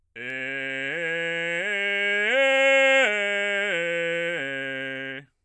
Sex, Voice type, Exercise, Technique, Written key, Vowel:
male, bass, arpeggios, belt, , e